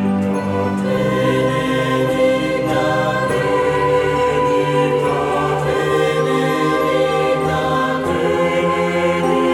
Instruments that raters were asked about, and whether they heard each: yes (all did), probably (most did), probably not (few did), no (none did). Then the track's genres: bass: no
voice: yes
saxophone: no
drums: no
Choral Music